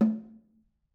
<region> pitch_keycenter=60 lokey=60 hikey=60 volume=13.478221 offset=207 lovel=55 hivel=83 seq_position=1 seq_length=2 ampeg_attack=0.004000 ampeg_release=15.000000 sample=Membranophones/Struck Membranophones/Snare Drum, Modern 1/Snare2_HitNS_v4_rr1_Mid.wav